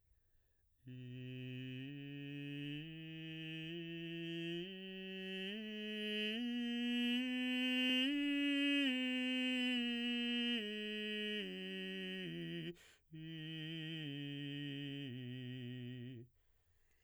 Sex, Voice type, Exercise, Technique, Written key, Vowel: male, baritone, scales, straight tone, , i